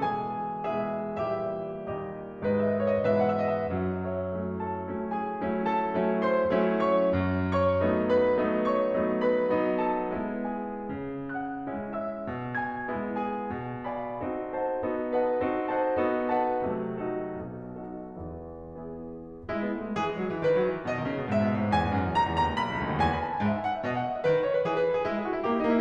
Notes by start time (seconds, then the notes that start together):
0.00 B2 E3 G#3 G#4 G#5
0.64 B2 E3 G#3 G#4 E5
1.23 A#2 E3 G3 G4 E5
1.67 A#2 D#3 G3 G4 D#5
2.45 G#2 D#3 G#3 B4 D#5
2.52 E5
2.58 D#5 E5
2.67 D#5
2.74 E5
2.82 C#5
2.91 D#5
3.01 G#2 B2 E3 B4 E5
3.11 F#5
3.16 E5
3.44 F#5
3.53 E5
3.59 D#5 F#5
3.69 E5
3.76 F#2 F#3
4.06 A4 C#5 E5
4.39 F#3 A3 C#4 E4
4.62 A4 A5
4.90 F#3 A3 C#4 E4
5.12 G#4 G#5
5.46 F#3 A3 C#4 E4
5.70 A4 A5
5.96 F#3 A3 C#4 E4
6.23 C5 C6
6.46 F#3 A3 C#4 E4
6.98 C#5 C#6
7.21 F#2
7.62 C#5 C#6
7.85 F#3 A3 B3 D#4
8.14 B4 B5
8.42 F#3 A3 B3 D#4
8.68 C#5 C#6
8.94 F#3 A3 B3 D#4
9.23 B4 B5
9.44 F#3 A3 B3 D#4
9.87 A4 A5
10.10 G#3 B3 E4
10.72 G#4 G#5
10.91 C#3
11.37 F#5 F#6
11.69 G#3 C#4 E4
11.99 E5 E6
12.25 B2
12.59 G#5 G#6
12.90 G#3 B3 E4
13.20 G#4 G#5
13.40 B2
13.99 D#5 F5 G#5 B5
14.20 C4 D#4 F#4 A4
14.57 C5 D#5 F#5 A5
14.77 B3 D#4 F#4 A4
15.14 B4 D#5 F#5 A5
15.39 C4 D#4 F#4 A4
15.67 C5 D#5 F#5 A5
15.89 B3 D#4 F#4 A4
16.36 B4 D#5 F#5 A5
16.71 C3 F#3 A3
17.06 D#4 F#4 A4
17.38 B1 B2
17.81 D#4 F#4 A4
18.12 E2 E3
18.54 B3 E4 G#4
19.47 G#3 E4
19.66 B3
19.76 A3
19.89 G#3
20.00 E3 G#4
20.12 G#3
20.24 F#3
20.36 E3
20.47 D#3 B4
20.55 F#3
20.65 E3
20.77 D#3
20.87 B2 D#5
20.97 D#3
21.08 C#3
21.19 B2
21.29 G#2 E5
21.39 B2
21.49 A2
21.58 G#2
21.72 E2 G#5
21.83 G#2
21.95 F#2
22.07 E2
22.18 C#2 A#5
22.27 E2
22.38 D#2 A#5
22.45 C#2
22.57 B1 B5
22.69 C#2
22.79 D2
22.92 D#2
23.02 E2 G#5
23.10 B5
23.21 A5
23.30 G#5
23.41 G#2 E5
23.51 G#5
23.63 F#5
23.77 E5
23.86 B2 D#5
23.96 F#5
24.07 E5
24.15 D#5
24.26 D#3 B4
24.36 D#5
24.46 C#5
24.56 B4
24.65 E3 G#4
24.76 B4
24.83 A4
24.94 G#4
25.04 G#3 E4
25.14 G#4
25.25 F#4
25.37 E4
25.43 A#3 G4
25.48 E4
25.58 A#3 D#4
25.68 E4